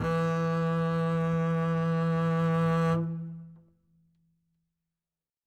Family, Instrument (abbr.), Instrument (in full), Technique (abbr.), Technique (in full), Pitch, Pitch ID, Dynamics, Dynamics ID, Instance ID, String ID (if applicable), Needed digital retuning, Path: Strings, Cb, Contrabass, ord, ordinario, E3, 52, ff, 4, 2, 3, TRUE, Strings/Contrabass/ordinario/Cb-ord-E3-ff-3c-T17d.wav